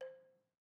<region> pitch_keycenter=72 lokey=69 hikey=74 volume=18.595925 lovel=0 hivel=65 ampeg_attack=0.004000 ampeg_release=30.000000 sample=Idiophones/Struck Idiophones/Balafon/Traditional Mallet/EthnicXylo_tradM_C4_vl1_rr1_Mid.wav